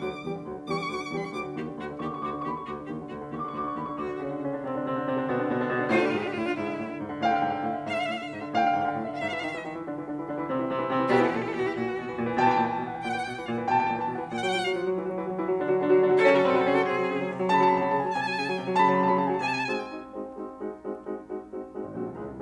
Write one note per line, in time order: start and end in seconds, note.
0.00 0.20 D2
0.00 0.20 F#3
0.00 0.20 F#4
0.00 0.42 D6
0.10 0.31 D3
0.21 0.42 E2
0.21 0.42 G3
0.21 0.42 G4
0.31 0.51 D3
0.42 0.63 D2
0.42 0.63 F#3
0.42 0.63 F#4
0.52 0.73 D3
0.63 0.85 E2
0.63 0.85 G3
0.63 0.85 G4
0.63 0.71 C#6
0.71 0.95 D3
0.71 0.78 D6
0.78 0.85 C#6
0.85 1.15 D2
0.85 1.15 F#3
0.85 1.15 F#4
0.85 0.92 D6
0.92 1.25 D3
0.92 0.99 C#6
0.99 1.16 D6
1.16 1.36 E2
1.16 1.36 G3
1.16 1.36 G4
1.16 1.22 C#6
1.22 1.36 D3
1.22 1.29 B5
1.29 1.36 C#6
1.36 1.54 D2
1.36 1.75 F#3
1.36 1.75 F#4
1.36 1.54 D6
1.45 1.65 D3
1.54 1.75 D#2
1.54 1.71 G4
1.66 1.89 D3
1.75 1.99 D2
1.75 1.94 F#4
1.89 2.09 D3
2.00 2.18 D#2
2.00 2.14 G4
2.00 2.12 C#6
2.05 2.31 D3
2.05 2.18 D6
2.12 2.28 C#6
2.22 2.41 D2
2.22 2.36 F#4
2.22 2.35 D6
2.29 2.51 D3
2.29 2.41 C#6
2.35 2.47 D6
2.41 2.66 D#2
2.41 2.59 G4
2.41 2.54 C#6
2.48 2.76 D3
2.48 2.66 B5
2.58 2.66 C#6
2.66 2.86 D2
2.66 2.81 F#4
2.66 3.05 D6
2.76 2.96 D3
2.87 3.05 D#2
2.87 3.01 G4
2.96 3.17 D3
3.07 3.31 D2
3.07 3.23 F#4
3.17 3.40 D3
3.31 3.52 D#2
3.31 3.46 G4
3.31 3.44 C#6
3.38 3.62 D3
3.38 3.52 D6
3.44 3.60 C#6
3.52 3.74 D2
3.52 3.68 F#4
3.52 3.66 D6
3.60 3.85 D3
3.60 3.74 C#6
3.67 3.82 D6
3.74 3.96 D#2
3.74 3.90 G4
3.74 3.89 C#6
3.82 4.06 D3
3.82 3.96 B5
3.89 3.96 C#6
3.97 4.18 D2
3.97 4.39 F#4
3.97 4.18 D6
4.06 4.28 D3
4.06 4.28 D4
4.18 4.39 C#3
4.18 4.39 C#4
4.28 4.52 D3
4.28 4.52 D4
4.39 4.64 C#3
4.39 4.64 C#4
4.54 4.77 D3
4.54 4.77 D4
4.64 4.86 C3
4.64 4.86 C4
4.77 4.96 D3
4.77 4.96 D4
4.88 5.05 C3
4.88 5.05 C4
4.96 5.17 D3
4.96 5.17 D4
5.06 5.31 C3
5.06 5.31 C4
5.17 5.39 D3
5.17 5.39 D4
5.31 5.51 B2
5.31 5.51 B3
5.40 5.60 D3
5.40 5.60 D4
5.51 5.68 B2
5.51 5.68 B3
5.61 5.78 D3
5.61 5.78 D4
5.68 5.86 B2
5.68 5.86 B3
5.78 5.97 D3
5.78 5.97 D4
5.87 6.07 A2
5.87 6.07 A3
5.87 5.93 F4
5.93 6.16 D3
5.93 6.16 D4
5.93 6.00 G4
6.00 6.07 F4
6.07 6.29 G#2
6.07 6.29 G#3
6.07 6.13 G4
6.14 6.22 F4
6.20 6.40 D3
6.20 6.40 D4
6.20 6.29 G4
6.29 6.50 A2
6.29 6.50 A3
6.29 6.36 F4
6.36 6.43 E4
6.41 6.50 D3
6.41 6.50 D4
6.41 6.50 F4
6.50 6.71 G#2
6.50 6.91 G#3
6.50 6.91 E4
6.61 6.82 D3
6.72 6.91 A2
6.82 7.04 D3
6.92 7.14 G#2
7.04 7.26 D3
7.14 7.33 A2
7.14 7.29 F5
7.23 7.43 D3
7.23 7.33 G5
7.29 7.53 G#2
7.29 7.40 F5
7.29 7.47 G5
7.40 7.63 D3
7.40 7.53 F5
7.48 7.59 G5
7.53 7.77 A2
7.53 7.71 F5
7.59 7.89 D3
7.59 7.77 E5
7.71 7.77 F5
7.79 8.01 G#2
7.79 7.86 E5
7.79 8.21 E5
7.86 8.10 D3
7.86 7.93 F5
7.93 8.01 E5
8.01 8.21 A2
8.01 8.08 F5
8.08 8.30 D3
8.08 8.14 E5
8.14 8.21 F5
8.21 8.43 G#2
8.21 8.28 E5
8.28 8.59 D3
8.28 8.36 D#5
8.36 8.43 E5
8.43 8.70 A2
8.43 8.63 F5
8.56 8.80 D3
8.56 8.70 G5
8.63 8.77 F5
8.71 8.92 G#2
8.71 8.84 G5
8.77 9.07 D3
8.77 8.92 F5
8.84 9.02 G5
8.93 9.20 A2
8.93 9.10 F5
9.03 9.20 D3
9.03 9.20 E5
9.10 9.20 F5
9.20 9.40 G#2
9.20 9.26 E5
9.20 9.40 E5
9.26 9.51 E3
9.26 9.51 E4
9.26 9.33 F5
9.33 9.40 E5
9.40 9.61 D#3
9.40 9.61 D#4
9.40 9.47 F5
9.47 9.74 E3
9.47 9.74 E4
9.47 9.54 E5
9.54 9.62 F5
9.62 9.86 D#3
9.62 9.86 D#4
9.62 9.69 E5
9.69 9.80 D#5
9.74 9.97 E3
9.74 9.97 E4
9.80 9.88 E5
9.88 10.09 D3
9.88 10.09 D4
9.97 10.17 E3
9.97 10.17 E4
10.09 10.27 D3
10.09 10.27 D4
10.18 10.38 E3
10.18 10.38 E4
10.27 10.47 D3
10.27 10.47 D4
10.39 10.59 E3
10.39 10.59 E4
10.47 10.68 C3
10.47 10.68 C4
10.59 10.81 E3
10.59 10.81 E4
10.69 10.90 C3
10.69 10.90 C4
10.81 10.99 E3
10.81 10.99 E4
10.90 11.12 C3
10.90 11.12 C4
10.99 11.24 E3
10.99 11.24 E4
11.12 11.35 B2
11.12 11.35 B3
11.12 11.22 G4
11.22 11.47 E3
11.22 11.47 E4
11.22 11.28 A4
11.28 11.35 G4
11.35 11.56 A#2
11.35 11.56 A#3
11.35 11.42 A4
11.42 11.51 G4
11.47 11.66 E3
11.47 11.66 E4
11.47 11.58 A4
11.58 11.75 B2
11.58 11.75 B3
11.58 11.62 G4
11.62 11.75 E3
11.62 11.75 E4
11.62 11.69 F#4
11.69 11.76 G4
11.76 11.96 A#2
11.76 12.17 A#3
11.76 12.17 F#4
11.85 12.06 E3
11.96 12.17 B2
12.07 12.26 E3
12.17 12.36 A#2
12.27 12.49 E3
12.36 12.59 B2
12.36 12.53 G5
12.43 12.59 A5
12.49 12.67 E3
12.49 12.63 G5
12.59 12.78 A#2
12.59 12.70 A5
12.63 12.88 E3
12.63 12.78 G5
12.70 12.84 A5
12.78 12.98 B2
12.78 12.91 G5
12.85 13.07 E3
12.85 12.98 F#5
12.91 12.98 G5
12.98 13.19 A#2
12.98 13.05 F#5
12.98 13.39 F#5
13.05 13.29 E3
13.05 13.13 G5
13.13 13.19 F#5
13.19 13.39 B2
13.19 13.26 G5
13.26 13.49 E3
13.26 13.33 F#5
13.33 13.40 G5
13.40 13.58 A#2
13.40 13.46 F#5
13.46 13.69 E3
13.46 13.53 F5
13.53 13.60 F#5
13.60 13.80 B2
13.60 13.72 G5
13.66 13.90 E3
13.66 13.80 A5
13.72 13.86 G5
13.80 14.00 A#2
13.80 13.93 A5
13.87 14.15 E3
13.87 14.00 G5
13.94 14.09 A5
14.00 14.26 B2
14.00 14.18 G5
14.09 14.26 F#5
14.15 14.26 E3
14.20 14.26 G5
14.27 14.59 A#2
14.27 14.33 F#5
14.27 14.59 F#5
14.33 14.41 G5
14.37 14.70 F#3
14.37 14.70 F#4
14.37 14.61 F#5
14.61 14.80 F3
14.61 14.80 F4
14.61 14.66 G5
14.66 14.88 F#3
14.66 14.88 F#4
14.66 14.73 F#5
14.73 14.80 G5
14.80 14.98 F3
14.80 14.98 F4
14.80 14.86 F#5
14.86 15.05 F#3
14.86 15.05 F#4
14.86 14.91 F5
14.91 14.98 F#5
14.98 15.15 E3
14.98 15.15 E4
15.06 15.26 F#3
15.06 15.26 F#4
15.15 15.34 E3
15.15 15.34 E4
15.26 15.44 F#3
15.26 15.44 F#4
15.35 15.59 E3
15.35 15.59 E4
15.44 15.72 F#3
15.44 15.72 F#4
15.59 15.84 D3
15.59 15.84 D4
15.72 15.94 F#3
15.72 15.94 F#4
15.84 16.01 D3
15.84 16.01 D4
15.95 16.11 F#3
15.95 16.11 F#4
16.01 16.21 D3
16.01 16.21 D4
16.11 16.31 F#3
16.11 16.31 F#4
16.22 16.40 C#3
16.22 16.40 C#4
16.22 16.28 A4
16.28 16.51 F#3
16.28 16.51 F#4
16.28 16.35 B4
16.35 16.42 A4
16.42 16.61 C#3
16.42 16.61 C#4
16.42 16.49 B4
16.49 16.71 F#3
16.49 16.71 F#4
16.49 16.54 A4
16.54 16.61 B4
16.61 16.81 C#3
16.61 16.81 C#4
16.61 16.68 A4
16.68 16.81 F#3
16.68 16.81 F#4
16.68 16.74 G#4
16.74 16.81 A4
16.81 17.04 C3
16.81 17.26 C4
16.81 17.26 G#4
16.95 17.16 F#3
17.04 17.26 C#3
17.16 17.38 F#3
17.28 17.51 C3
17.38 17.60 F#3
17.51 17.71 C#3
17.51 17.64 A5
17.58 17.80 F#3
17.58 17.71 B5
17.64 17.79 A5
17.71 17.88 C3
17.71 17.83 B5
17.79 17.98 F#3
17.79 17.88 A5
17.83 17.95 B5
17.88 18.08 C#3
17.88 18.01 A5
17.95 18.18 F#3
17.95 18.08 G#5
18.02 18.08 A5
18.09 18.32 C3
18.09 18.15 G#5
18.09 18.54 G#5
18.15 18.44 F#3
18.15 18.23 A5
18.23 18.33 G#5
18.33 18.54 C#3
18.33 18.40 A5
18.40 18.63 F#3
18.40 18.47 G#5
18.47 18.54 A5
18.54 18.74 C3
18.54 18.61 G#5
18.61 18.83 F#3
18.61 18.68 G5
18.68 18.74 G#5
18.74 18.94 C#3
18.74 18.85 A5
18.80 19.03 F#3
18.80 18.94 B5
18.87 18.99 A5
18.94 19.13 C3
18.94 19.08 B5
18.99 19.25 F#3
18.99 19.13 A5
19.08 19.21 B5
19.14 19.35 C#3
19.14 19.28 A5
19.21 19.35 F#3
19.21 19.35 G#5
19.28 19.35 A5
19.35 19.75 B2
19.35 19.42 G#5
19.35 19.55 G#5
19.42 19.48 A5
19.48 19.55 G#5
19.55 19.75 G#3
19.55 19.75 C4
19.55 19.75 D#4
19.55 19.75 F#4
19.55 19.62 A5
19.62 19.69 G#5
19.69 19.75 A5
19.75 19.95 G#3
19.75 19.95 C4
19.75 19.95 D#4
19.75 19.95 F#4
19.75 19.82 G#5
19.82 19.89 G5
19.89 19.96 G#5
19.96 20.15 G#3
19.96 20.15 C4
19.96 20.15 D#4
19.96 20.15 F#4
20.17 20.49 G#3
20.17 20.49 C4
20.17 20.49 D#4
20.17 20.49 F#4
20.49 20.71 G#3
20.49 20.71 C4
20.49 20.71 D#4
20.49 20.71 F#4
20.71 21.00 G#3
20.71 21.00 C4
20.71 21.00 D#4
20.71 21.00 F#4
21.01 21.22 G#3
21.01 21.22 C4
21.01 21.22 D#4
21.01 21.22 F#4
21.23 21.56 G#3
21.23 21.56 C4
21.23 21.56 D#4
21.23 21.56 F#4
21.56 21.80 G#3
21.56 21.80 C4
21.56 21.80 D#4
21.56 21.80 F#4
21.80 21.99 G#3
21.80 21.99 C4
21.80 21.99 D#4
21.80 21.99 F#4
21.90 21.99 G#1
21.99 22.09 A#1
21.99 22.19 G#3
21.99 22.19 C4
21.99 22.19 D#4
21.99 22.19 F#4
22.09 22.19 C2
22.20 22.30 C#2
22.20 22.42 G#3
22.20 22.42 C#4
22.20 22.42 E4
22.30 22.42 C2